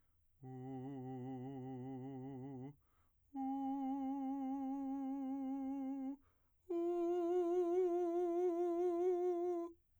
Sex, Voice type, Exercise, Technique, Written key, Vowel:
male, , long tones, full voice pianissimo, , u